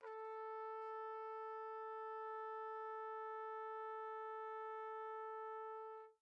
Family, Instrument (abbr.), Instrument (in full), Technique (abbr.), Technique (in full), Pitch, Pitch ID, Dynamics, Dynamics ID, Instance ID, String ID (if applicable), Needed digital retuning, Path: Brass, TpC, Trumpet in C, ord, ordinario, A4, 69, pp, 0, 0, , FALSE, Brass/Trumpet_C/ordinario/TpC-ord-A4-pp-N-N.wav